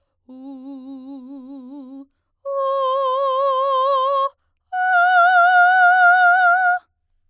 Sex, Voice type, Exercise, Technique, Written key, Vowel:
female, soprano, long tones, full voice forte, , u